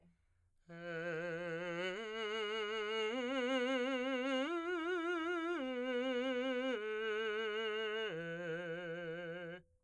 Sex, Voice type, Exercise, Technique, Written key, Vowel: male, , arpeggios, slow/legato piano, F major, e